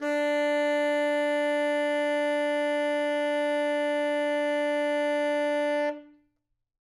<region> pitch_keycenter=62 lokey=62 hikey=63 volume=11.485603 lovel=84 hivel=127 ampeg_attack=0.004000 ampeg_release=0.500000 sample=Aerophones/Reed Aerophones/Tenor Saxophone/Non-Vibrato/Tenor_NV_Main_D3_vl3_rr1.wav